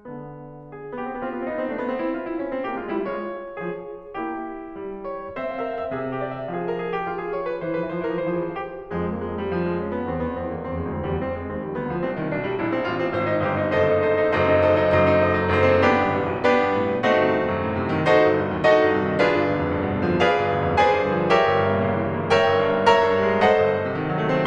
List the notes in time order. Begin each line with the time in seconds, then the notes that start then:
0.00 D3 B3
0.71 G#4
0.94 B3 G4
1.04 C4
1.10 B3
1.16 C4
1.22 B3 F4
1.29 C4
1.35 B3
1.42 C4
1.47 B3 D#4
1.53 C4
1.58 B3
1.64 C4
1.70 B3 D4
1.75 C4
1.80 A3
1.85 B3
1.90 C4 E4 C5
2.11 F4
2.28 D#4
2.41 D4
2.54 C4
2.66 A#3 G4
2.76 G#3 F4
2.89 G3 D#4
3.03 G#3 F4 C#5
3.60 F3 G#4
4.13 A#3 E4 G4
4.75 G3
5.06 C#5
5.39 C4 C5 E5
5.49 F5
5.55 E5
5.61 F5
5.67 A#4 E5
5.76 F5
5.83 E5
5.90 F5
5.96 C3 G#4 E5
6.03 F5
6.08 E5
6.16 F5
6.23 G4 E5
6.30 F5
6.36 D5
6.44 E5
6.52 F3 G#4 F5
6.66 A#4
6.79 G#4
6.93 G4
7.08 F4
7.22 G#4
7.35 C#5
7.48 B4
7.62 E3 C5
7.69 F3
7.85 E3 B4
7.92 F3
8.00 E3 C5
8.07 F3
8.13 E3 A#4
8.19 F3
8.23 E3 C5
8.30 F3
8.36 E3 G#4
8.44 F3
8.51 E3 C5
8.61 F3
8.70 D3 G4
8.79 E3
8.87 F2 F3 G#3 G#4
9.06 A#3
9.18 G#3
9.37 G3
9.51 F3
9.67 G#3
9.82 C#4
9.94 B3
10.05 E2 C4
10.11 F2
10.23 E2 B3
10.33 F2
10.39 E2 C4
10.47 F2
10.54 E2 A#3
10.65 F2
10.72 E2 C4
10.80 F2
10.86 E2 G#3
10.92 F2
10.98 E2 C4
11.03 F2
11.10 D2 G3
11.16 E2
11.22 F2 C4
11.34 G#3
11.47 D#2 C4
11.61 G3
11.74 D2 B3
11.90 F3
12.02 C2 C4
12.14 D#3
12.27 B1 D4
12.40 G3
12.54 A#1 E4
12.68 C4
12.79 A1 F4
12.96 C4
13.13 G#1 F#4 C5
13.26 D#4
13.40 G1 G4 C5
13.56 D#4
13.71 F#1 A4 C5 D#5
13.89 D#4
14.01 A4 C5 D#5
14.25 D#4
14.35 F#1 F#2 A4 C5 D#5
14.48 D#4
14.78 A4 C5 D#5
14.91 D#4
15.07 F#1 F#2 A4 C5 D#5
15.19 D#4
15.30 A4 C5 D#5
15.43 D#4
15.58 F#1 F#2 D#4 A4 C5
15.72 C4
15.87 B3 D4 G4
16.01 G1
16.13 A1
16.25 B1
16.37 B3 D4 G4 B4
16.51 G2
16.73 A2
16.92 B2
17.06 A3 C4 D#4 F#4
17.19 G1
17.31 C2
17.44 D#2
17.55 F#2
17.66 A2
17.83 C3
18.00 D#3
18.11 D#4 F#4 A4 C5
18.26 G1
18.43 C2
18.54 D#2
18.68 D#4 F#4 A4 D#5
18.83 G2
19.01 C3
19.13 D#3
19.27 D4 F4 G#4 B4
19.39 G1
19.57 D2
19.69 F2
19.83 G2
19.96 B2
20.07 D3
20.20 F3
20.32 G#4 B4 D5 F5
20.45 G1
20.58 D2
20.71 F2
20.83 G#4 B4 D5 G#5
21.00 G2
21.13 D3
21.23 F3
21.37 G4 A#4 C#5 E5
21.49 G1
21.61 G2
21.76 A#2
21.85 C#3
21.98 E3
22.16 G3
22.27 A#3
22.40 A#4 C#5 E5 G5
22.52 G1
22.62 G2
22.74 A#2
22.87 A#4 C#5 E5 A#5
23.08 G2
23.25 G3
23.39 A#3
23.51 A4 C5 D#5 F#5
23.63 G1
23.77 A2
23.89 C3
24.02 D#3
24.13 F#3
24.23 A3
24.33 C4